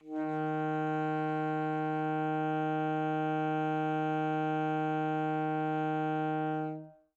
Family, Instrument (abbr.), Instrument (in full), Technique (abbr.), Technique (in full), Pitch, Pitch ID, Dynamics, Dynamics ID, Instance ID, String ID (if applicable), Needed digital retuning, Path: Winds, ASax, Alto Saxophone, ord, ordinario, D#3, 51, mf, 2, 0, , FALSE, Winds/Sax_Alto/ordinario/ASax-ord-D#3-mf-N-N.wav